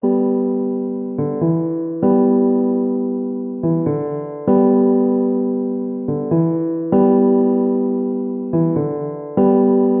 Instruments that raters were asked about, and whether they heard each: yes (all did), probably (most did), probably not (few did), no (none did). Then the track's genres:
piano: yes
trombone: no
voice: no
Ambient Electronic; House; IDM